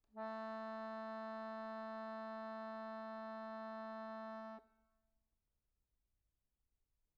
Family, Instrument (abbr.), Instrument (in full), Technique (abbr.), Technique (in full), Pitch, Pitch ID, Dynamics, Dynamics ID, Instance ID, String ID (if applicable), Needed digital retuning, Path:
Keyboards, Acc, Accordion, ord, ordinario, A3, 57, pp, 0, 0, , FALSE, Keyboards/Accordion/ordinario/Acc-ord-A3-pp-N-N.wav